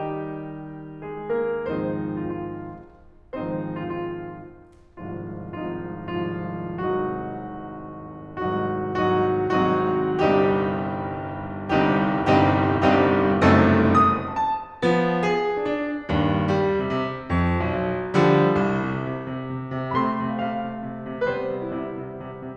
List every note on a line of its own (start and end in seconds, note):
0.01 1.67 D#3
0.01 1.06 G3
0.01 1.67 D#4
0.01 1.06 G4
1.07 1.34 G#3
1.07 1.34 G#4
1.34 1.67 A#3
1.34 1.67 A#4
1.68 3.43 G#2
1.68 3.43 D#3
1.68 3.43 F3
1.68 3.43 G#3
1.68 3.43 C4
1.68 3.43 D#4
1.68 2.17 C5
2.18 2.30 F4
2.32 3.43 F4
3.43 5.07 G#2
3.43 5.07 D#3
3.43 5.07 F3
3.43 5.07 G#3
3.43 5.07 C4
3.43 5.07 D#4
3.43 3.83 C5
3.83 3.98 F4
3.99 5.07 F4
5.07 5.68 G#1
5.07 5.68 C2
5.07 5.68 G#2
5.07 5.68 F3
5.07 5.68 C4
5.07 5.68 D#4
5.07 5.68 F4
5.68 6.24 G#1
5.68 6.24 C2
5.68 6.24 G#2
5.68 6.24 F3
5.68 6.24 C4
5.68 6.24 D#4
5.68 6.24 F4
6.24 6.82 G#1
6.24 6.82 C2
6.24 6.82 G#2
6.24 6.82 F3
6.24 6.82 C4
6.24 6.82 D#4
6.24 6.82 F4
6.83 8.59 G#1
6.83 8.59 C2
6.83 8.59 G#2
6.83 8.59 F#3
6.83 8.59 C4
6.83 8.59 D#4
6.83 8.59 F#4
8.60 9.07 G#1
8.60 9.07 C2
8.60 9.07 G#2
8.60 9.07 F#3
8.60 9.07 C4
8.60 9.07 D#4
8.60 9.07 F#4
9.07 9.77 G#1
9.07 9.77 C2
9.07 9.77 G#2
9.07 9.77 F#3
9.07 9.77 C4
9.07 9.77 D#4
9.07 9.77 F#4
9.77 10.36 G#1
9.77 10.36 C2
9.77 10.36 G#2
9.77 10.36 F#3
9.77 10.36 C4
9.77 10.36 D#4
9.77 10.36 F#4
10.37 12.10 G1
10.37 12.10 C2
10.37 12.10 G2
10.37 12.10 G3
10.37 12.10 C4
10.37 12.10 D#4
10.37 12.10 G4
12.11 12.52 G1
12.11 12.52 C2
12.11 12.52 G2
12.11 12.52 G3
12.11 12.52 C4
12.11 12.52 D#4
12.11 12.52 G4
12.52 12.95 G1
12.52 12.95 C2
12.52 12.95 G2
12.52 12.95 G3
12.52 12.95 C4
12.52 12.95 D#4
12.52 12.95 G4
12.95 13.52 G1
12.95 13.52 C2
12.95 13.52 G2
12.95 13.52 G3
12.95 13.52 C4
12.95 13.52 D#4
12.95 13.52 G4
13.52 14.10 G#1
13.52 14.10 C2
13.52 14.10 F#2
13.52 14.10 A3
13.52 14.10 C4
13.52 14.10 D#4
13.52 14.10 A4
14.11 14.40 D#6
14.40 14.48 A5
14.48 14.83 A5
14.83 15.23 F3
14.83 15.23 B3
15.23 15.59 G#4
15.59 15.69 D4
15.69 16.11 D4
16.11 16.52 G2
16.11 16.52 A#2
16.52 16.82 G3
16.83 16.91 C3
16.91 17.28 C3
17.29 17.58 F2
17.58 17.68 B1
17.69 18.15 B1
18.16 18.64 D3
18.16 18.64 F3
18.16 18.64 G3
18.66 18.86 C2
18.86 19.07 C3
19.08 19.30 C3
19.30 19.52 C3
19.52 19.74 C3
19.74 19.94 C3
19.94 20.16 C3
19.94 21.22 A3
19.94 21.22 C4
19.94 20.00 B5
20.00 20.25 C6
20.17 20.35 C3
20.25 20.35 F5
20.35 20.51 C3
20.35 20.75 F5
20.52 20.75 C3
20.75 20.97 C3
20.99 21.22 C3
21.22 21.54 C3
21.22 22.56 G3
21.22 22.56 B3
21.22 21.30 B4
21.30 21.65 C5
21.55 21.76 C3
21.66 21.76 E4
21.76 21.90 C3
21.76 22.10 E4
21.90 22.10 C3
22.10 22.31 C3
22.31 22.56 C3